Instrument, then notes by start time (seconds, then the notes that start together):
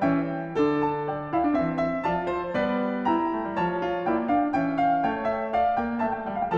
piano
0.00 E3 C#4 G5
0.05 E5
0.58 D3 D4 A4
0.84 A5
1.09 D5 G5
1.30 E4 F5
1.43 D4
1.51 E3 C4 E5
1.80 E5
2.03 F3 F4 D5 A5
2.30 C5
2.54 G3 B3
2.60 B4 D5
3.05 E4 G5 A#5
3.27 A3
3.41 G3
3.53 F3 C#5 A5
3.77 F4
4.02 A#3 E4 D5 G5
4.24 D4
4.28 F5
4.52 E3 C#4 G5
4.56 E5
4.81 F5
5.05 A3 C#5 G5
5.34 E5
5.54 D5 F5
5.74 B3 G5
5.99 A3 E5 G5
6.07 A5
6.13 G5
6.29 G3 F5
6.43 G5
6.52 F3